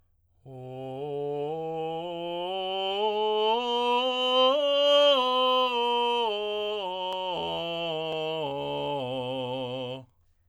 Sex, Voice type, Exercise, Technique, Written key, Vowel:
male, tenor, scales, straight tone, , o